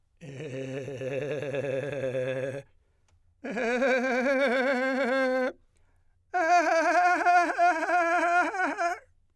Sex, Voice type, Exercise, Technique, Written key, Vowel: male, , long tones, trillo (goat tone), , e